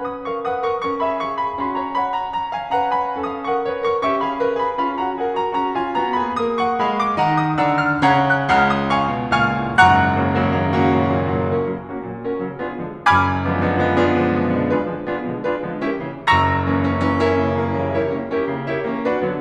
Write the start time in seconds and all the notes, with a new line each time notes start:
0.00 C#4 B4 G#5 D#6
0.26 A#4 F5 C#6
0.46 B4 F#5 D#6
0.70 A#4 C#6
0.87 A#4 C#6
1.03 G#4 E5 B5
1.21 A#4 F5 C#6
1.36 G#4 B5
1.56 C#4 G#4 B5
1.70 F#4 C#5 A#5
1.96 D#5 F#5 B5
2.17 C#5 A#5
2.35 C#5 A#5
2.51 F5 G#5
2.73 B4 F#5 A#5
2.98 G#5 B5
3.20 C#4 A4 F5 D#6
3.40 A#4 F#5 C#6
3.62 B4 C#5 F#5
3.83 A#4 C#6
4.04 C#4 G4 E5 C#6
4.24 G#4 F5 B5
4.37 A#4 B4 F5
4.54 G#4 B5
4.83 C#4 F4 F5 B5
4.97 F#4 F#5 A#5
5.18 G#4 A#4 F#5
5.38 F#4 A#5
5.63 C#4 F#4 A#5
5.78 F4 G#5
6.01 C4 F#4 C#5 A#5
6.18 G#4 B5
6.35 A#3 A#4 D#6
6.68 F#5 C#6
6.84 G#3 G#4 F5 B5
6.99 D6
7.17 D#3 D#4 F#5 A#5
7.37 D#6
7.60 D3 D4 F5 A#5 E6
7.77 F6
7.93 C#3 C#4 F#5 A#5 G#6
8.36 F#6
8.54 C#2 C#3 F#5 A#5 F6
8.74 D#6
8.94 F5 G#5 C#6
9.13 B2
9.31 C#2 A#2 F5 G#5 F6
9.62 G#2
9.81 F#1 F#2 F#5 A#5 C#6 F#6
10.18 C#3 F#3 A#3
10.39 C#3 F#3 A#3
10.54 C#3 F#3 A#3
10.69 A#3 C#4 F#4
10.90 A#2 C#3 F#3
11.20 A#2 C#3 F#3
11.35 A#2 C#3 F#3
11.51 C#4 F#4 A#4
11.64 C#3 F#3 A#3
11.90 A#3 C#4 F#4
12.07 A#2 C#3 F#3
12.28 C#4 F#4 A#4
12.43 C#3 F#3 A#3
12.61 B3 D4 F4 G#4
12.84 B2 D3 F3 G#3
13.12 F#1 F#2 G#5 B5 D6 F6 G#6
13.48 D3 F3 G#3 B3
13.62 D3 F3 G#3 B3
13.76 D3 F3 G#3 B3
13.90 B3 D4 F4 G#4
14.08 B2 D3 F3 G#3
14.26 B2 D3 F3 G#3
14.54 B2 D3 F3 G#3
14.65 D4 F4 G#4 B4
14.79 D3 F3 G#3 B3
15.06 B3 D4 F4 G#4
15.28 B2 D3 F3 G#3
15.49 D4 F4 G#4 B4
15.64 D3 F3 G#3 B3
15.82 C#4 E4 G4 A#4
15.96 C#3 E3 G3 A#3
16.13 F#1 F#2 A#5 C#6 E6 A#6
16.60 E3 A#3 C#4
16.75 E3 A#3 C#4
17.01 E3 A#3 C#4
17.17 C#4 E4 G4 A#4
17.32 C#3 E3 G3 A#3
17.55 C#3 E3 G3 A#3
17.75 C#3 E3 G3 A#3
17.90 E4 G4 A#4 C#5
18.18 E3 G3 A#3 C#4
18.36 C#4 E4 G4 A#4
18.51 C#3 E3 G3 A#3
18.68 E4 G4 A#4 C#5
18.87 E3 G3 A#3 C#4
19.03 D4 F#4 B4
19.26 D3 F#3 B3